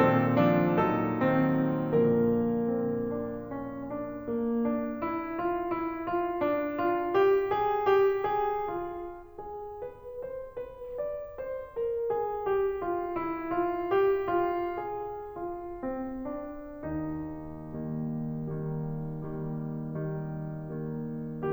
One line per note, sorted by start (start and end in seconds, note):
0.00 0.79 A#2
0.00 0.43 D#3
0.00 0.43 C4
0.00 0.79 A4
0.44 0.79 F3
0.44 0.79 D4
0.81 2.00 A#2
0.81 1.20 F#3
0.81 1.20 D#4
0.81 2.00 A4
1.22 2.00 D#3
1.22 2.00 C4
2.01 3.89 A#2
2.01 3.89 D3
2.01 3.89 F3
2.01 2.67 A#3
2.01 3.89 A#4
2.68 3.03 C4
3.04 3.44 D4
3.45 3.89 C#4
3.90 4.27 D4
4.30 4.64 A#3
4.66 5.00 D4
5.02 5.39 E4
5.40 5.72 F4
5.74 6.07 E4
6.08 6.43 F4
6.44 6.78 D4
6.79 7.12 F4
7.13 7.48 G4
7.48 7.87 G#4
7.88 8.31 G4
8.32 8.67 G#4
8.68 9.30 F4
9.31 9.81 G#4
9.82 10.24 B4
10.25 10.61 C5
10.65 10.98 B4
10.99 11.38 D5
11.39 11.76 C5
11.77 12.04 A#4
12.06 12.42 G#4
12.43 12.78 G4
12.78 13.17 F4
13.18 13.54 E4
13.54 13.93 F4
13.94 14.28 G4
14.29 14.73 F4
14.74 15.31 G#4
15.33 15.81 F4
15.82 16.18 C4
16.20 16.81 D4
16.83 17.59 D#3
16.83 17.59 G3
16.83 17.59 A#3
16.83 18.40 D#4
17.60 18.40 D#3
17.60 18.40 G3
17.60 18.40 A#3
18.41 19.25 D#3
18.41 19.25 G3
18.41 19.25 A#3
19.27 19.89 D#3
19.27 19.89 G3
19.27 19.89 A#3
19.90 20.89 D#3
19.90 20.89 G3
19.90 20.89 A#3
20.90 21.52 D#3
20.90 21.52 G3
20.90 21.52 A#3